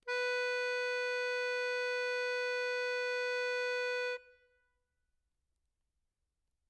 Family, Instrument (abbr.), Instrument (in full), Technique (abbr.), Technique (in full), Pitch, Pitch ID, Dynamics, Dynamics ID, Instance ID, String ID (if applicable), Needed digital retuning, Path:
Keyboards, Acc, Accordion, ord, ordinario, B4, 71, mf, 2, 3, , FALSE, Keyboards/Accordion/ordinario/Acc-ord-B4-mf-alt3-N.wav